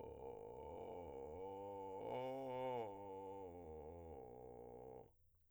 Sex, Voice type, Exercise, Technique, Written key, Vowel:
male, , arpeggios, vocal fry, , o